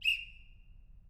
<region> pitch_keycenter=61 lokey=61 hikey=61 volume=8.000000 offset=463 ampeg_attack=0.004000 ampeg_release=30.000000 sample=Aerophones/Edge-blown Aerophones/Ball Whistle/Main_BallWhistle_Short-001.wav